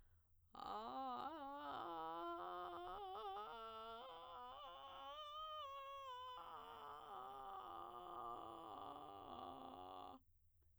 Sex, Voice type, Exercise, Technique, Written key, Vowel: female, soprano, scales, vocal fry, , a